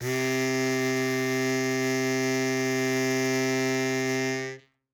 <region> pitch_keycenter=48 lokey=48 hikey=50 volume=5.631504 offset=46 trigger=attack ampeg_attack=0.100000 ampeg_release=0.100000 sample=Aerophones/Free Aerophones/Harmonica-Hohner-Super64/Sustains/Accented/Hohner-Super64_Accented_C2.wav